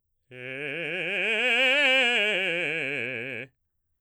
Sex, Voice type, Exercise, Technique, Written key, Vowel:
male, baritone, scales, fast/articulated forte, C major, e